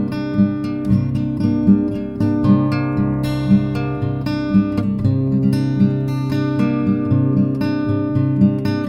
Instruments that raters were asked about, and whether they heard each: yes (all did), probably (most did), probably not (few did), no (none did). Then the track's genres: flute: probably not
guitar: yes
Folk; Instrumental